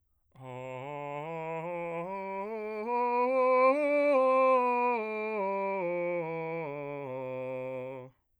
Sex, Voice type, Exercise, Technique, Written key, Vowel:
male, bass, scales, slow/legato piano, C major, a